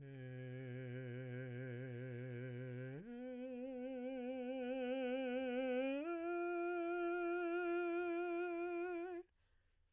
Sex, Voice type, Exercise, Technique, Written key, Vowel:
male, baritone, long tones, full voice pianissimo, , e